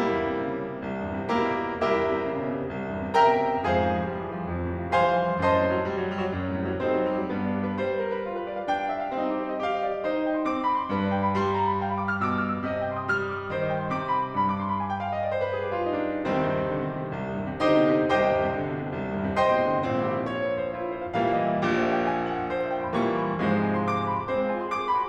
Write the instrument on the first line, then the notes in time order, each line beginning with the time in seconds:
piano
0.00 C2 G3 A#3 E4
0.12 E2
0.22 G2
0.30 C3
0.43 C#3
0.55 C3
0.65 B2
0.74 C3
0.81 C2
0.92 E2
1.03 G2
1.16 C3
1.32 C#3 A#3 E4 G4 A#4
1.46 C3
1.56 B2
1.68 C3
1.81 C2 E4 G4 A#4 E5
1.92 E2
2.03 G2
2.15 C3
2.25 C#3
2.38 C3
2.48 B2
2.57 C3
2.69 C2
2.80 E2
2.91 G2
3.05 C3
3.17 C#3 A#4 E5 G5 A#5
3.30 C3
3.41 B2
3.54 C3
3.67 F2 G#4 C5 F5 G#5
3.78 G#2
3.89 C3
4.01 F3
4.11 G3
4.21 F3
4.32 E3
4.41 F3
4.53 F2
4.66 G#2
4.75 C3
4.86 F3
4.98 G3 C5 F5 G#5 C6
5.10 F3
5.20 E3
5.31 F3
5.43 F#2 C5 D#5 A5 C6
5.55 A2
5.65 C3
5.76 F#3
5.86 G3
6.00 F#3
6.12 G3
6.22 F#3
6.37 F#2
6.50 A2
6.59 C3
6.68 F#3
6.79 G3 C4 D#4 A4 C5
6.92 F#3
7.04 G3
7.14 F#3
7.24 G2 B3
7.34 D4
7.45 G4
7.56 B4
7.76 G3 C5
7.85 B4
8.00 A#4
8.12 B4
8.25 F4
8.36 B4
8.46 D5
8.59 F5
8.68 D4 G5
8.79 F5
8.88 E5
9.01 F5
9.13 C4 D#4
9.25 G4
9.38 C5
9.51 D#5
9.62 G4 F5
9.73 D#5
9.83 D5
9.94 D#5
10.05 D#4 C5
10.17 D#5
10.26 G5
10.38 C6
10.48 C4 D6
10.60 C6
10.70 B5
10.81 C6
10.90 G2 B4
11.04 D5
11.13 G5
11.24 B5
11.34 G3 C6
11.45 B5
11.56 A#5
11.69 B5
11.81 F5
11.92 B5
12.02 D6
12.12 F6
12.23 B2 G6
12.33 F6
12.43 E6
12.55 F6
12.64 D#5
12.76 G5
12.88 C6
12.98 D#6
13.07 G3 F6
13.18 D#6
13.31 D6
13.40 D#6
13.50 D#3 C5
13.60 D#5
13.70 G5
13.80 C6
13.91 C3 D6
14.00 C6
14.14 B5
14.26 C6
14.36 G2 B5
14.48 D6
14.59 C6
14.69 B5
14.80 G#5
14.91 G5
15.02 F5
15.12 D#5
15.23 D5
15.33 C5
15.43 B4
15.53 G#4
15.65 G4
15.75 F4
15.86 D#4
16.00 D4
16.15 C2 D#3 G3 C4
16.27 D#2
16.38 G2
16.49 C3
16.59 D3
16.71 C3
16.85 B2
16.95 C3
17.07 C2
17.24 D#2
17.36 G2
17.47 C3
17.58 D3 D#4 G4 C5 D#5
17.67 C3
17.81 B2
17.96 C3
18.07 C2 G4 C5 D#5 G5
18.19 D#2
18.31 G2
18.41 C3
18.52 D3
18.62 C3
18.74 B2
18.85 C3
18.95 C2
19.09 D#2
19.19 G2
19.31 C3
19.40 D3 C5 D#5 G5 C6
19.57 C3
19.74 B2
19.85 C3
19.96 A#1 A#2 C4
20.07 E4
20.15 G4
20.24 C5
20.34 C#5
20.43 C5
20.51 B4
20.63 C5
20.74 E4
20.86 G4
20.96 C5
21.06 E5
21.15 A#2 E3 G3 A#3 F5
21.26 E5
21.37 D#5
21.48 E5
21.59 A#1 A#2 G4
21.71 C5
21.84 E5
21.95 G5
22.06 G#5
22.20 G5
22.30 F#5
22.40 G5
22.50 C5
22.63 E5
22.73 G5
22.84 C6
22.93 A#2 E3 G3 A#3 C#6
23.06 C6
23.17 B5
23.30 C6
23.46 G#2 C3 F3 G#3 C5
23.81 F5
24.02 G#5
24.16 C6
24.42 D6
24.57 C6
24.83 B5
24.96 C6